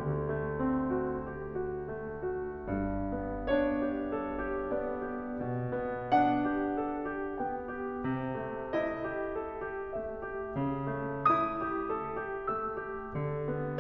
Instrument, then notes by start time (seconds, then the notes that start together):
piano
0.00 D2 D3
0.23 A3
0.55 C4
0.88 F#4
1.15 G4
1.43 F#4
1.81 A3
2.25 F#4
2.62 G2
3.10 B3
3.41 D4 C#5
3.96 G4
4.28 A4
4.47 G4
4.73 B3 D5
5.07 G4
5.48 B2
5.71 B3
6.14 D4 F#5
6.66 G4
6.92 A4
7.13 G4
7.42 B3 G5
7.81 G4
8.07 C3
8.54 A3
8.79 E4 D#5
9.00 G4
9.33 A4
9.62 G4
9.95 A3 E5
10.21 G4
10.62 C#3
10.94 A3
11.34 E4 D#6
11.64 G4
11.95 A4
12.27 G4
12.49 A3 E6
12.82 G4
13.22 D3
13.49 B3